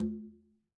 <region> pitch_keycenter=63 lokey=63 hikey=63 volume=21.625566 lovel=66 hivel=99 seq_position=1 seq_length=2 ampeg_attack=0.004000 ampeg_release=15.000000 sample=Membranophones/Struck Membranophones/Conga/Quinto_HitN_v2_rr1_Sum.wav